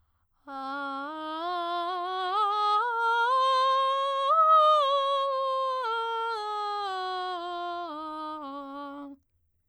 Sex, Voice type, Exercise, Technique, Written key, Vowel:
female, soprano, scales, vocal fry, , a